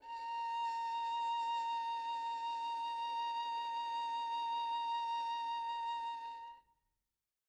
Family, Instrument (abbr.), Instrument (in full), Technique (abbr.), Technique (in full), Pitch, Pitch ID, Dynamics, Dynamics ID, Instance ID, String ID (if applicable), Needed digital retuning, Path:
Strings, Vn, Violin, ord, ordinario, A#5, 82, mf, 2, 2, 3, FALSE, Strings/Violin/ordinario/Vn-ord-A#5-mf-3c-N.wav